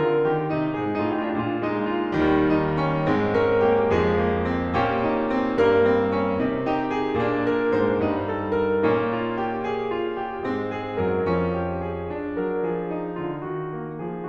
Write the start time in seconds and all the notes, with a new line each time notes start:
0.00 D3 F4 A#4
0.27 D#3 G4
0.50 C3 D#4
0.72 G#2 F4 G#4
0.98 G#2 D#4 G4
1.03 F4
1.10 G4
1.16 F4
1.31 A#2 D4 G4
1.39 F4
1.47 G4
1.59 F4
1.65 G#3 D#4
1.92 F4
2.10 C2 C3 G3
2.45 D#4
2.77 C#4
3.07 G#2 G#3 C4
3.34 C#4 A#4
3.63 A#3 G#4
3.94 F2 F3 G#3 C5
4.18 A#3
4.45 C4
4.74 A#2 A#3 C#4 G4
5.00 D#4
5.27 C4
5.55 G2 G3 A#3 A#4
5.90 C4
6.11 C#4
6.46 C3 C4 D#4 A#4
6.70 D#4 G4
6.92 G#4
7.15 A#2 A#3 D4
7.42 A#4
7.65 G#2 G#3 C5
7.94 G2 G3 D#4
8.25 G#4
8.54 A#4
8.85 A#2 A#3 C#4 D#4
9.17 F4
9.44 G4
9.72 G#4
10.00 F4
10.22 G4
10.46 G#2 G#3 C4
10.73 G#4
10.99 F#2 F#3 A#4
11.28 F2 F3 C#4
11.55 G4
11.87 G#4
12.13 C#4
12.39 F#3 A#4
12.64 F3 G#4
12.89 D#4
13.14 C#3 F4
13.42 D#3 F#4
13.69 A#3
14.01 F3 G#4